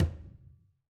<region> pitch_keycenter=64 lokey=64 hikey=64 volume=19.525901 lovel=100 hivel=127 seq_position=2 seq_length=2 ampeg_attack=0.004000 ampeg_release=15.000000 sample=Membranophones/Struck Membranophones/Conga/Tumba_HitFM_v4_rr2_Sum.wav